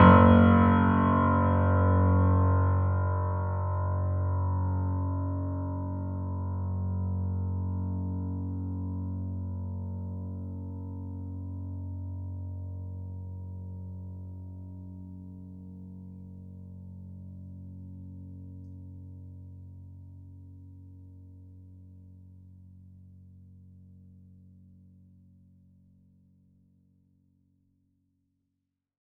<region> pitch_keycenter=30 lokey=30 hikey=31 volume=0.273407 lovel=0 hivel=65 locc64=65 hicc64=127 ampeg_attack=0.004000 ampeg_release=0.400000 sample=Chordophones/Zithers/Grand Piano, Steinway B/Sus/Piano_Sus_Close_F#1_vl2_rr1.wav